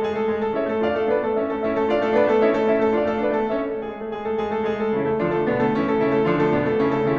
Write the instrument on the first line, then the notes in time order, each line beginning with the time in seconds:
piano
0.00 G#3 G#4
0.14 A3 A4
0.27 G#3 G#4
0.41 A3 A4
0.55 C#4 E4 C#5 E5
0.70 A3 A4
0.81 D4 F4 D5 F5
0.94 A3 A4
1.07 B3 D4 B4 D5
1.22 A3 A4
1.39 C#4 E4 C#5 E5
1.52 A3 A4
1.66 C#4 E4 C#5 E5
1.78 A3 A4
1.88 D4 F4 D5 F5
2.04 A3 A4
2.15 B3 D4 B4 D5
2.29 A3 A4
2.41 C#4 E4 C#5 E5
2.55 A3 A4
2.69 C#4 E4 C#5 E5
2.81 A3 A4
2.93 D4 F4 D5 F5
3.12 A3 A4
3.25 B3 D4 B4 D5
3.38 A3 A4
3.51 C#4 E4 C#5 E5
3.62 A3 A4
3.77 G#3 G#4
3.91 A3 A4
4.06 G#3 G#4
4.27 A3 A4
4.44 G#3 G#4
4.57 A3 A4
4.71 G#3 G#4
4.84 A3 A4
4.96 C#3 E3 C#4 E4
5.10 A3 A4
5.24 D3 F3 D4 F4
5.36 A3 A4
5.48 B2 D3 B3 D4
5.61 A3 A4
5.72 C#3 E3 C#4 E4
5.86 A3 A4
5.99 C#3 E3 C#4 E4
6.13 A3 A4
6.26 D3 F3 D4 F4
6.39 A3 A4
6.54 B2 D3 B3 D4
6.64 A3 A4
6.77 C#3 E3 C#4 E4
6.88 A3 A4
7.06 C#3 E3 C#4 E4